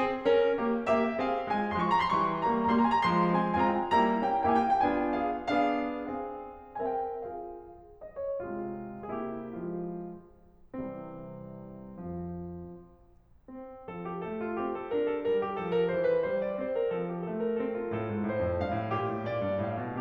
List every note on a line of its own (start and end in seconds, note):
0.01 0.30 C4
0.01 0.30 G#4
0.30 0.60 C#4
0.30 0.60 A#4
0.60 0.90 A#3
0.60 0.90 G4
0.90 1.16 A#3
0.90 1.16 G4
0.90 1.16 E5
1.16 1.46 C4
1.16 1.46 G#4
1.16 1.46 F5
1.47 1.75 G#3
1.47 1.75 F4
1.47 1.75 G#5
1.75 2.07 F3
1.75 2.07 G#3
1.75 1.89 C6
1.82 1.96 C#6
1.90 2.07 A#5
1.97 2.07 C6
2.07 2.43 E3
2.07 2.43 G3
2.07 2.43 C#6
2.43 2.71 G3
2.43 2.71 A#3
2.43 2.71 A#5
2.71 3.02 G3
2.71 3.02 A#3
2.71 2.86 A#5
2.78 2.94 C6
2.86 3.02 G#5
2.97 3.02 A#5
3.04 3.34 F3
3.04 3.34 G#3
3.04 3.34 C6
3.34 3.62 G#3
3.34 3.62 C4
3.34 3.62 G#5
3.62 3.93 G#3
3.62 3.93 C4
3.62 3.93 F4
3.62 3.76 G#5
3.69 3.86 A#5
3.76 3.93 G5
3.86 3.93 G#5
3.94 4.22 G3
3.94 4.22 A#3
3.94 4.22 E4
3.94 4.22 A#5
4.22 4.51 A#3
4.22 4.51 C#4
4.22 4.51 E4
4.22 4.51 G5
4.53 4.82 A#3
4.53 4.82 C#4
4.53 4.82 E4
4.53 4.67 G5
4.60 4.75 G#5
4.67 4.82 F5
4.75 4.82 G5
4.82 5.66 B3
4.82 5.66 D4
4.82 5.25 F4
4.82 5.25 G#5
5.25 5.66 G#4
5.25 5.66 F5
5.66 6.09 B3
5.66 6.09 D4
5.66 6.09 G#4
5.66 6.09 F5
6.09 6.76 C4
6.09 6.76 G#4
6.09 6.76 F5
6.76 7.15 C4
6.76 7.15 A#4
6.76 7.15 E5
6.76 6.95 G#5
6.96 7.15 G5
7.15 7.63 F4
7.15 7.63 G#4
7.15 7.63 F5
8.01 8.19 D#5
8.19 8.39 C#5
8.39 9.14 C3
8.39 9.14 G#3
8.39 9.14 F4
9.14 9.51 C3
9.14 9.51 A#3
9.14 9.51 E4
9.14 9.31 G#4
9.31 9.51 G4
9.53 9.86 F3
9.53 9.86 G#3
9.53 9.86 F4
10.73 11.99 C2
10.73 11.99 C3
10.73 11.99 E3
10.73 11.99 G3
10.73 11.99 C4
11.99 12.47 F2
11.99 12.47 F3
13.03 13.89 C4
13.89 14.27 F3
13.89 14.09 A4
14.09 14.27 G4
14.27 14.60 A3
14.27 14.45 A4
14.45 14.60 F4
14.60 14.92 C4
14.60 14.80 G4
14.80 14.92 A4
14.94 15.30 D4
14.94 15.09 A#4
15.09 15.30 A4
15.30 15.59 G3
15.30 15.45 A#4
15.46 15.59 G4
15.59 15.92 F3
15.59 15.73 A4
15.73 15.92 A#4
15.93 16.31 E3
15.93 16.17 C5
16.17 16.31 B4
16.31 16.64 G3
16.31 16.45 C5
16.45 16.64 D5
16.67 16.91 C4
16.67 16.81 C5
16.81 16.91 A#4
16.91 17.29 F3
16.91 17.11 A4
17.12 17.29 G4
17.29 17.58 A3
17.29 17.43 A4
17.43 17.58 A#4
17.59 17.89 C4
17.59 17.73 A4
17.73 17.89 F4
17.89 18.08 A2
17.89 18.93 A4
18.08 18.23 G#2
18.23 18.41 A2
18.23 18.56 C5
18.41 18.56 F2
18.56 18.77 G2
18.56 18.93 F5
18.78 18.93 A2
18.93 19.15 A#2
18.93 20.01 G4
19.15 19.30 A2
19.31 19.45 A#2
19.31 19.67 D5
19.45 19.67 G2
19.67 19.81 A2
19.67 20.01 F5
19.82 20.01 B2